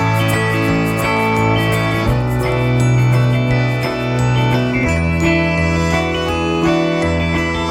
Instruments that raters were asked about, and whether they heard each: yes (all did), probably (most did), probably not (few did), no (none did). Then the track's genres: mallet percussion: yes
Pop; Folk; Singer-Songwriter